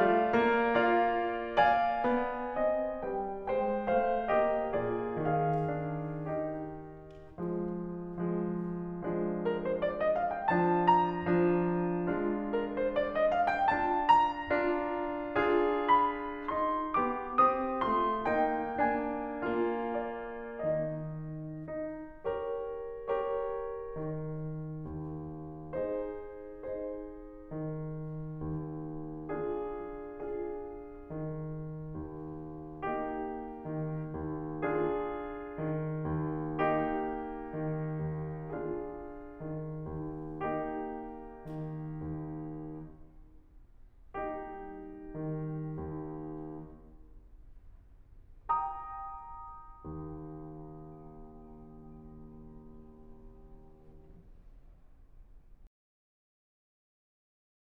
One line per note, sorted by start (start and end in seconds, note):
0.00 0.36 A3
0.00 0.72 F4
0.00 0.72 D5
0.00 0.72 F5
0.36 2.01 A#3
0.75 1.58 F4
0.75 1.58 D5
0.75 1.58 F5
1.59 2.54 D5
1.59 2.54 F5
1.59 3.03 G#5
2.02 2.54 B3
2.55 3.03 C4
2.55 3.03 D#5
3.04 3.46 G3
3.04 3.46 B4
3.04 3.46 G5
3.46 3.94 G#3
3.46 3.94 C5
3.46 3.94 G5
3.95 4.33 A3
3.95 4.33 C5
3.95 4.33 F5
4.33 5.75 A#3
4.33 4.75 G4
4.33 4.75 D#5
4.76 5.25 A#2
4.76 5.25 F4
4.76 5.25 G#4
4.76 5.25 D5
5.26 6.84 D#3
5.26 6.34 G#4
5.26 6.34 F5
5.76 6.34 D4
6.35 6.84 D#4
6.35 6.84 G4
6.35 6.84 D#5
7.42 8.25 F3
7.42 8.25 G#3
8.28 9.01 F3
8.28 9.01 G#3
9.02 10.50 F3
9.02 10.50 G#3
9.02 10.50 D4
9.43 9.61 A#4
9.62 9.81 C5
9.82 10.00 D5
10.01 10.16 D#5
10.16 10.31 F5
10.32 10.50 G5
10.51 11.27 D3
10.51 11.27 D4
10.51 10.89 A5
10.89 12.53 A#5
11.28 12.09 D3
11.28 12.09 D4
12.10 13.71 F3
12.10 13.71 G#3
12.10 13.71 D4
12.10 13.71 F4
12.54 12.76 A#4
12.76 12.96 C5
12.97 13.14 D5
13.15 13.32 D#5
13.33 13.49 F5
13.50 13.71 G5
13.71 14.51 F3
13.71 14.51 D4
13.71 14.51 F4
13.71 14.08 A5
14.09 15.92 A#5
14.51 15.37 F3
14.51 15.37 D4
14.51 15.37 F4
15.37 16.49 D4
15.37 16.49 F4
15.37 16.96 G#4
15.93 16.49 B5
16.50 16.96 D#4
16.50 16.96 C6
16.97 17.40 B3
16.97 17.40 G4
16.97 17.40 D6
17.41 17.83 C4
17.41 17.83 G4
17.41 17.83 D#6
17.83 18.29 A3
17.83 18.29 F4
17.83 18.29 C6
18.31 18.82 A#3
18.31 18.82 D#4
18.31 19.98 G5
18.83 19.41 A#3
18.83 19.41 D4
18.83 19.98 G#5
19.42 20.64 A#3
19.42 20.64 F4
19.99 20.64 D5
20.70 21.63 D#3
20.70 21.63 D#4
20.70 21.63 D#5
22.27 23.08 G4
22.27 23.08 A#4
22.27 23.08 C#5
23.09 23.94 G4
23.09 23.94 A#4
23.09 23.94 C#5
23.94 24.87 D#3
24.87 25.74 D#2
25.75 26.71 D#4
25.75 26.71 G#4
25.75 26.71 C5
26.73 27.52 D#4
26.73 27.52 G#4
26.73 27.52 C5
27.53 28.42 D#3
28.42 29.26 D#2
29.26 30.08 D4
29.26 30.08 F4
29.26 30.08 G#4
30.09 31.05 D4
30.09 31.05 F4
30.09 31.05 G#4
31.06 31.94 D#3
31.95 32.86 D#2
32.88 33.66 A#3
32.88 33.66 D#4
32.88 33.66 G4
33.67 34.11 D#3
34.12 34.62 D#2
34.66 35.63 D4
34.66 35.63 F4
34.66 35.63 G#4
35.64 36.14 D#3
36.15 36.57 D#2
36.59 37.55 A#3
36.59 37.55 D#4
36.59 37.55 G4
37.56 38.01 D#3
38.02 38.51 D#2
38.52 39.38 D4
38.52 39.38 F4
38.52 39.38 G#4
39.40 39.87 D#3
39.88 40.40 D#2
40.41 41.48 A#3
40.41 41.48 D#4
40.41 41.48 G4
41.49 42.02 D#3
42.03 42.69 D#2
44.16 45.17 G3
44.16 45.17 A#3
44.16 45.17 D#4
44.16 45.17 G4
45.19 45.78 D#3
45.79 46.57 D#2
48.46 55.11 G5
48.46 55.11 A#5
48.46 55.11 D#6
49.73 55.11 D#2